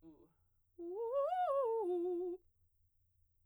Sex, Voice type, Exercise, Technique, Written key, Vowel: female, soprano, arpeggios, fast/articulated piano, F major, u